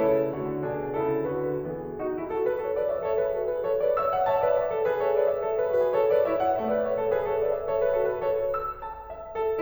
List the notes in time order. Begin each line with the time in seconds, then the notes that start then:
0.00 C#3 E4 A4
0.33 D3 A3 F#4
0.62 B2 D4 E4 G#4
0.96 C#3 E4 A4
1.31 D3 F#4 B4
1.73 E3 B3 G#4
1.90 D#4 F#4
2.12 E4 G#4
2.31 F#4 A4
2.45 G#4 B4
2.60 A4 C#5
2.76 B4 D5
2.91 C#5 E5
3.03 A4 C#5
3.19 G#4 B4
3.34 F#4 A4
3.48 G#4 B4
3.68 A4 C#5
3.83 B4 D5
3.99 C#5 E5 E6
4.14 D5 F#5
4.35 C#5 E5 A5
4.47 B4 D5
4.63 C#5 E5
4.78 A4 C#5
4.92 G#4 B4
5.10 A4 C#5
5.25 B4 D5
5.35 C#5 E5
5.47 A4 C#5
5.57 G#4 B4
5.70 F#4 A4
5.83 G#4 B4
5.96 A4 C#5
6.11 B4 D5
6.30 E4 C#5 E5
6.44 D5 F#5
6.59 A3 C#5 E5
6.73 B4 D5
6.86 C#5 E5
6.98 A4 C#5
7.09 G#4 B4
7.23 A4 C#5
7.43 B4 D5
7.57 C#5 E5
7.70 A4 C#5
7.83 G#4 B4
7.93 F#4 A4
8.05 G#4 B4
8.16 A4 C#5
8.30 E5
8.49 A4
8.68 E6
8.90 A5
9.13 E5
9.37 A4